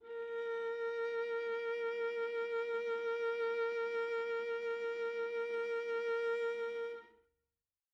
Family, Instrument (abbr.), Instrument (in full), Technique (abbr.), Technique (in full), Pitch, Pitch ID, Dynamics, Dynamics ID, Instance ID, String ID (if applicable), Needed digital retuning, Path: Strings, Va, Viola, ord, ordinario, A#4, 70, mf, 2, 3, 4, FALSE, Strings/Viola/ordinario/Va-ord-A#4-mf-4c-N.wav